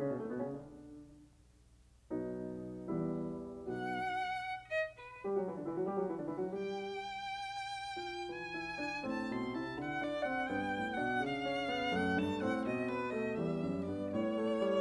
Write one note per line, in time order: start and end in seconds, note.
0.00 0.10 C#3
0.00 0.10 C#4
0.10 0.20 B2
0.10 0.20 B3
0.21 0.30 A2
0.21 0.30 A3
0.30 0.39 B2
0.30 0.39 B3
0.39 0.46 C#3
0.39 0.46 C#4
0.48 0.80 D3
0.48 0.80 D4
2.14 2.91 B2
2.14 2.91 F#3
2.14 2.91 B3
2.14 2.91 D#4
2.91 3.59 E2
2.91 3.59 G3
2.91 3.59 B3
2.91 3.59 E4
3.60 4.01 B1
3.60 4.01 B2
3.60 4.01 B3
3.60 4.01 D#4
3.60 4.01 F#4
3.60 4.62 F#5
4.62 4.88 D#5
4.93 5.09 B4
5.27 5.38 G3
5.27 5.38 G4
5.38 5.49 F#3
5.38 5.49 F#4
5.50 5.60 E3
5.50 5.60 E4
5.60 5.70 D3
5.60 5.70 D4
5.71 5.82 E3
5.71 5.82 E4
5.82 5.91 F#3
5.82 5.91 F#4
5.91 5.99 G3
5.91 5.99 G4
6.00 6.10 F#3
6.00 6.10 F#4
6.10 6.20 E3
6.10 6.20 E4
6.20 6.29 D3
6.20 6.29 D4
6.30 6.41 E3
6.30 6.41 E4
6.41 6.54 F#3
6.41 6.54 F#4
6.55 7.09 G3
6.55 7.09 G4
6.55 8.29 G5
7.99 8.51 F4
8.29 9.01 E3
8.29 9.01 G#5
8.51 8.79 E4
8.80 9.01 D4
9.03 9.28 A2
9.03 9.56 C4
9.03 9.28 A5
9.28 9.56 B2
9.28 9.56 C6
9.56 9.76 C3
9.56 9.96 E4
9.56 9.76 A5
9.76 10.50 D3
9.76 9.96 F#5
9.97 10.26 D4
9.97 10.26 D5
10.26 10.50 C4
10.26 10.50 F#5
10.50 10.73 G2
10.50 10.96 B3
10.50 10.96 G5
10.73 10.96 A2
10.97 11.20 B2
10.97 11.46 D4
10.97 11.20 F#5
11.22 11.91 C#3
11.22 11.91 F5
11.46 11.69 C#4
11.69 11.91 B3
11.92 12.16 F#2
11.92 12.38 A3
11.92 12.16 F#5
12.17 12.38 G2
12.17 12.38 A5
12.38 12.61 A2
12.38 12.82 C4
12.38 12.61 F#5
12.61 13.41 B2
12.61 12.82 D#5
12.82 13.11 B3
12.82 13.11 B4
13.12 13.41 A3
13.12 13.41 D#5
13.41 13.70 E2
13.41 13.92 G3
13.41 13.92 E5
13.70 13.92 F#2
13.92 14.13 G2
13.92 14.40 B3
13.92 14.13 D5
14.14 14.81 A2
14.14 14.77 C#5
14.41 14.63 A3
14.63 14.81 G3
14.77 14.81 E5